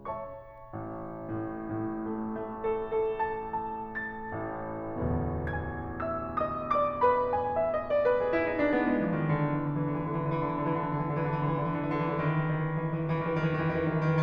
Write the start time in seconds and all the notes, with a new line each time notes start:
0.00 C#5 E5 A5 C#6
0.86 A1
1.42 A2
1.54 A2
1.87 A3
2.08 A3
2.29 A4
2.61 A4
3.00 A5
3.18 A5
3.72 A5 A6
4.27 A1 A2
4.79 A1 D2 E2 B2
5.51 G#5 G#6
6.04 E5 E6
6.37 D#5 D#6
6.72 D5 D6
7.00 B4 B5
7.42 G#5
7.56 E5
7.67 D#5
7.86 D5
8.02 B4
8.21 G#4
8.29 E4
8.50 D#4
8.75 D4
8.99 B3
9.22 G#3
9.51 E3
9.78 D#3
9.98 D3
10.10 E3
10.24 D3
10.38 E3
10.53 D3
10.66 E3
10.79 D3
10.95 E3
11.08 D3
11.20 E3
11.39 D3
11.52 E3
11.64 D3
11.83 E3
11.98 D3
12.11 E3
12.23 D#3
12.34 E3
12.50 D#3
12.63 E3
12.76 D#3
12.89 E3
13.00 D#3
13.13 E3
13.26 D#3
13.39 E3
13.49 D#3
13.63 E3
13.79 D#3
13.90 E3
13.99 D#3